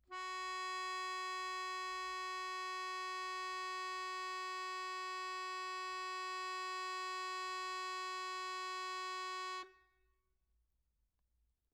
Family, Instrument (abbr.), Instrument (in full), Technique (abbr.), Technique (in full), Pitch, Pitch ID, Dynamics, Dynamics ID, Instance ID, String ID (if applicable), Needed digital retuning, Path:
Keyboards, Acc, Accordion, ord, ordinario, F#4, 66, mf, 2, 1, , FALSE, Keyboards/Accordion/ordinario/Acc-ord-F#4-mf-alt1-N.wav